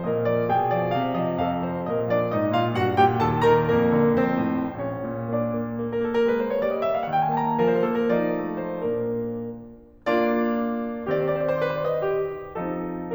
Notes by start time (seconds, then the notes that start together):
0.00 A#2 A#4 D#5
0.30 F3 D5
0.51 B2 G#4 G5
0.71 F3 D5
0.94 C3 F5
1.15 F3 D#5
1.39 A2 A4 F5
1.58 F3 C5
1.78 A#2 A#4 D#5
2.08 F3 D4 D5
2.31 G#2 D#4 D#5
2.55 A#2 F4 F5
2.79 G2 F#4 F#5
2.97 A#2 G4 G5
3.24 D#2 A4 A5
3.45 D#3 A#4 A#5
3.67 F2 A#3 A#4
3.91 D3
4.13 F2 C4 C5
4.40 A2
4.70 D2 C#4 C#5
4.92 A#2
5.26 A#3 D4 D5
5.54 A#3
5.80 A#3
5.90 A#4
5.98 A#3 A4
6.11 A#4
6.29 A3 B4
6.40 C5
6.49 A#3 C#5
6.59 D5
6.71 G3 D#5
6.80 E5
6.93 A#3 F5
7.04 F#5
7.13 F3 G5
7.22 G#5
7.30 D#4 A5
7.42 A#5
7.51 F3 A#4
7.67 C5
7.76 D4 A4
7.91 A#4
8.07 F3 D#4 D5
8.44 A3
8.59 C5
8.75 A#2 A#3 D4 A#4
9.72 A#3 D4 F4 D5
11.05 D#3 C4 C5
11.16 D5
11.27 C5
11.41 D5
11.53 B4
11.63 C5
11.75 D5
11.89 D#5
12.07 G4
12.57 F3 C4 D#4 A4